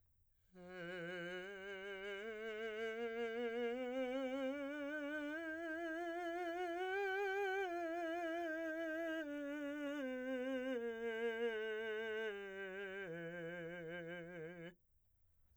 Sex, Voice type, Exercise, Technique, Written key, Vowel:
male, , scales, slow/legato piano, F major, e